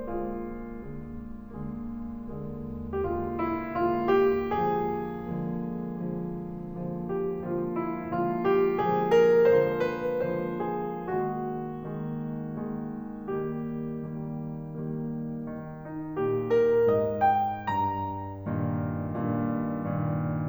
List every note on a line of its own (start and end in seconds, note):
0.00 0.71 D3
0.00 0.71 G#3
0.00 0.71 A#3
0.00 2.98 F4
0.72 1.58 D3
0.72 1.58 G#3
0.72 1.58 A#3
1.59 2.37 D3
1.59 2.37 G#3
1.59 2.37 A#3
2.38 2.98 D3
2.38 2.98 G#3
2.38 2.98 A#3
3.00 3.62 D3
3.00 3.62 G#3
3.00 3.62 A#3
3.00 3.08 G4
3.09 3.32 F4
3.32 3.62 E4
3.69 4.48 D3
3.69 4.48 G#3
3.69 4.48 A#3
3.69 4.03 F4
4.03 4.48 G4
4.49 5.27 D3
4.49 5.27 F3
4.49 5.27 G#3
4.49 5.27 A#3
4.49 7.06 G#4
5.28 5.97 D3
5.28 5.97 F3
5.28 5.97 G#3
5.28 5.97 A#3
5.98 6.51 D3
5.98 6.51 F3
5.98 6.51 G#3
5.98 6.51 A#3
6.52 7.35 D3
6.52 7.35 F3
6.52 7.35 G#3
6.52 7.35 A#3
7.07 7.35 G4
7.36 8.08 D3
7.36 8.08 F3
7.36 8.08 G#3
7.36 8.08 A#3
7.36 7.69 F4
7.71 8.08 E4
8.09 8.95 D3
8.09 8.95 F3
8.09 8.95 G#3
8.09 8.95 A#3
8.09 8.45 F4
8.52 8.95 G4
8.95 9.44 D3
8.95 9.44 F3
8.95 9.44 G#3
8.95 9.44 A#3
8.95 9.18 G#4
9.20 9.44 A#4
9.44 10.04 D3
9.44 10.04 F3
9.44 10.04 G#3
9.44 10.04 A#3
9.44 9.69 C5
9.69 10.04 B4
10.07 10.96 D3
10.07 10.96 F3
10.07 10.96 G#3
10.07 10.96 A#3
10.07 10.55 C5
10.60 10.96 G#4
10.97 11.84 D#3
10.97 11.84 G#3
10.97 11.84 A#3
10.97 13.32 F#4
11.85 12.59 D#3
11.85 12.59 G#3
11.85 12.59 A#3
12.60 13.32 D#3
12.60 13.32 G#3
12.60 13.32 A#3
13.33 14.05 D#3
13.33 14.05 G3
13.33 14.05 A#3
13.33 15.79 G4
14.06 14.70 D#3
14.06 14.70 G3
14.06 14.70 A#3
14.71 15.39 D#3
14.71 15.39 G3
14.71 15.39 A#3
15.41 16.13 D#3
15.80 16.13 D#4
16.14 16.89 A#2
16.14 16.47 G4
16.47 16.89 A#4
16.90 17.54 G#2
16.90 17.23 D#5
17.25 17.54 G5
17.57 18.44 G2
17.57 20.48 A#5
18.45 19.14 G2
18.45 19.14 A#2
18.45 19.14 D#3
19.14 19.71 G2
19.14 19.71 A#2
19.14 19.71 D#3
19.71 20.48 G2
19.71 20.48 A#2
19.71 20.48 D#3